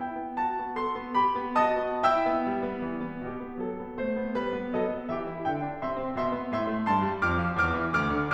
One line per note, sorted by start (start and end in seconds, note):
0.01 0.19 E4
0.01 0.39 G5
0.19 0.39 B3
0.39 0.61 F#4
0.39 0.78 A5
0.62 0.78 B3
0.80 0.98 A4
0.80 1.16 C6
0.99 1.16 B3
1.17 1.36 G4
1.17 1.57 B5
1.38 1.57 B3
1.57 1.81 F#4
1.57 2.04 D#5
1.57 2.04 A5
1.57 2.04 D#6
1.81 2.04 B3
2.06 2.28 E4
2.06 2.86 E5
2.06 2.86 G5
2.06 2.86 E6
2.30 2.54 B3
2.55 2.66 G3
2.68 2.86 B3
2.86 3.04 E3
3.04 3.23 B3
3.24 3.41 B2
3.24 3.58 G4
3.42 3.58 B3
3.59 3.76 F#3
3.59 3.95 A4
3.77 3.95 B3
3.98 4.17 A3
3.98 4.37 C5
4.17 4.37 B3
4.37 4.57 G3
4.37 4.77 B4
4.58 4.77 B3
4.78 4.93 F#3
4.78 5.11 A4
4.78 5.11 D#5
4.94 5.11 B3
5.13 5.31 E3
5.13 5.46 G4
5.13 5.46 E5
5.32 5.46 E4
5.46 5.61 D3
5.46 5.79 E5
5.46 5.79 G5
5.61 5.79 D4
5.80 5.96 C3
5.80 6.17 E5
5.80 6.17 C6
5.97 6.17 C4
6.18 6.32 B2
6.18 6.51 E5
6.18 6.51 C6
6.32 6.51 B3
6.51 6.70 A2
6.51 6.87 E5
6.51 6.87 C6
6.70 6.87 A3
6.87 7.06 G2
6.87 7.26 A5
6.87 7.26 C6
7.06 7.26 G3
7.27 7.42 F2
7.27 7.63 D6
7.27 7.63 F6
7.44 7.63 F3
7.65 7.81 E2
7.65 7.96 D6
7.65 7.96 F6
7.81 7.96 E3
7.97 8.17 D2
7.97 8.34 D6
7.97 8.34 F6
8.17 8.34 D3